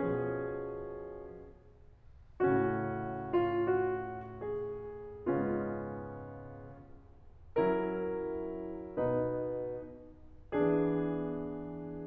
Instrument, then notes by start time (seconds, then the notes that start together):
piano
0.00 B2 F3 C#4 G#4
2.44 A2 C#3 A3 C#4 F#4
3.32 F4
3.65 F#4
4.40 G#4
5.25 G#2 C#3 G#3 B3 C#4 F4
7.62 F#3 C#4 E4 A#4
9.09 B2 B3 D#4 B4
10.55 E3 B3 D4 G#4